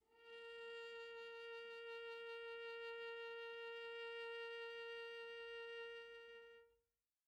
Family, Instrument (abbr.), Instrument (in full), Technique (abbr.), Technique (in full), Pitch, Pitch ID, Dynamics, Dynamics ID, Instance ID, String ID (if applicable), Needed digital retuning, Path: Strings, Va, Viola, ord, ordinario, A#4, 70, pp, 0, 0, 1, FALSE, Strings/Viola/ordinario/Va-ord-A#4-pp-1c-N.wav